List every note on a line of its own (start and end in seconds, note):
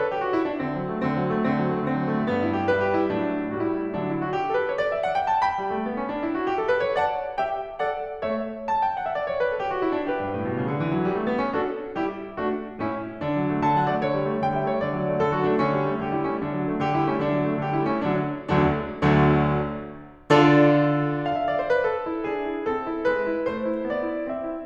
0.00 0.13 A4
0.13 0.23 G4
0.24 0.35 F#4
0.36 0.46 E4
0.46 0.65 D4
0.65 0.79 D3
0.65 1.03 C4
0.79 0.91 F#3
0.92 1.03 A3
1.03 1.18 D3
1.03 1.45 C4
1.18 1.34 F#3
1.34 1.45 A3
1.46 1.61 D3
1.46 1.90 C4
1.61 1.76 F#3
1.76 1.90 A3
1.90 2.00 D3
1.90 2.26 C4
2.01 2.12 F#3
2.14 2.26 A3
2.26 3.07 G2
2.26 2.41 B3
2.41 2.53 E4
2.54 2.67 G4
2.68 3.07 G3
2.68 2.83 B4
2.83 2.94 G4
2.94 3.07 E4
3.07 3.48 A2
3.07 3.48 F#3
3.07 3.48 D4
3.48 3.89 A2
3.48 3.89 G3
3.48 3.70 F#4
3.70 3.89 E4
3.89 4.27 D3
3.89 4.27 F#3
3.89 4.02 D4
4.02 4.13 E4
4.13 4.27 F#4
4.28 4.40 G4
4.41 4.54 A4
4.54 4.68 B4
4.68 4.78 C#5
4.78 4.90 D5
4.91 5.02 E5
5.02 5.14 F#5
5.14 5.27 G5
5.27 5.42 A5
5.43 6.97 G5
5.43 6.97 B5
5.60 5.72 G3
5.72 5.85 A3
5.85 5.96 B3
5.97 6.11 C#4
6.12 6.23 D4
6.23 6.40 E4
6.40 6.52 F#4
6.54 6.64 G4
6.64 6.75 A4
6.75 6.85 B4
6.85 6.97 C#5
6.97 7.37 D5
6.97 7.37 F#5
6.97 7.37 A5
7.37 7.78 G4
7.37 7.78 E5
7.37 7.78 G5
7.78 8.20 A4
7.78 8.20 D5
7.78 8.20 F#5
8.21 8.63 A3
8.21 8.63 C#5
8.21 8.63 E5
8.63 8.81 A5
8.81 8.93 G5
8.94 9.04 F#5
9.04 9.17 E5
9.17 9.29 D5
9.29 9.36 C#5
9.37 9.46 B4
9.46 9.59 A4
9.59 9.72 G4
9.72 9.82 F#4
9.83 9.95 E4
9.96 10.09 D4
10.09 11.58 G4
10.09 11.58 B4
10.23 10.36 G2
10.37 10.51 A2
10.52 10.63 B2
10.63 10.75 C#3
10.75 10.88 D3
10.88 11.01 E3
11.02 11.11 F#3
11.11 11.22 G3
11.22 11.32 A3
11.32 11.41 B3
11.42 11.58 C#4
11.58 11.95 D4
11.58 11.95 F#4
11.58 11.95 A4
11.96 12.39 G3
11.96 12.39 E4
11.96 12.39 G4
12.39 12.77 A3
12.39 12.77 D4
12.39 12.77 F#4
12.77 13.18 A2
12.77 13.18 C#4
12.77 13.18 E4
13.19 13.29 D3
13.19 13.58 D4
13.29 13.42 F#3
13.42 13.58 A3
13.58 13.72 D3
13.58 13.72 A5
13.73 13.86 F#3
13.73 13.86 F#5
13.87 13.99 A3
13.87 13.99 D5
13.99 14.12 D3
13.99 14.45 C#5
14.12 14.27 G3
14.28 14.45 A3
14.47 14.58 D3
14.47 14.58 G5
14.58 14.72 G3
14.58 14.72 E5
14.72 14.85 A3
14.72 14.85 C#5
14.85 14.98 D3
14.85 15.19 D5
14.99 15.08 F#3
15.08 15.19 A3
15.19 15.31 D3
15.19 15.31 A4
15.31 15.43 F#3
15.31 15.43 F#4
15.44 15.53 A3
15.44 15.53 D4
15.53 15.67 D3
15.53 15.98 C#4
15.67 15.84 G3
15.84 15.98 A3
15.99 16.11 D3
15.99 16.11 G4
16.13 16.24 G3
16.13 16.24 E4
16.24 16.38 A3
16.24 16.38 C#4
16.38 16.53 D3
16.38 16.81 D4
16.53 16.66 F#3
16.67 16.81 A3
16.81 16.94 D3
16.81 16.94 G4
16.94 17.06 G3
16.94 17.06 E4
17.06 17.18 A3
17.06 17.18 C#4
17.19 17.30 D3
17.19 17.60 D4
17.31 17.45 F#3
17.45 17.60 A3
17.60 17.75 D3
17.60 17.75 G4
17.75 17.88 G3
17.75 17.88 E4
17.89 18.04 A3
17.89 18.04 C#4
18.05 18.76 D3
18.05 18.76 F#3
18.05 18.76 D4
18.76 19.40 D2
18.76 19.40 D3
18.76 19.40 F#3
18.76 19.40 A3
18.76 19.40 D4
19.40 19.88 D2
19.40 19.88 D3
19.40 19.88 F#3
19.40 19.88 A3
19.40 19.88 D4
20.32 21.23 D3
20.32 21.23 D4
20.32 21.23 F4
20.32 21.23 A4
20.32 21.34 D5
21.34 21.43 F5
21.44 21.54 E5
21.54 21.66 D5
21.66 21.79 C5
21.79 21.90 B4
21.91 22.29 A4
22.06 22.29 E4
22.29 22.53 D4
22.29 22.70 G#4
22.53 22.70 E4
22.70 22.88 C4
22.70 23.06 A4
22.89 23.06 E4
23.07 23.23 G#3
23.07 23.46 B4
23.24 23.46 E4
23.46 23.66 A3
23.46 23.88 C5
23.66 23.88 E4
23.88 24.13 B3
23.88 24.31 D5
24.13 24.31 E4
24.32 24.50 C4
24.32 24.66 E5
24.51 24.66 E4